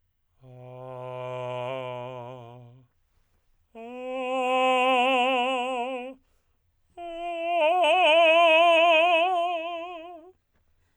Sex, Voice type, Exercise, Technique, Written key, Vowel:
male, tenor, long tones, messa di voce, , a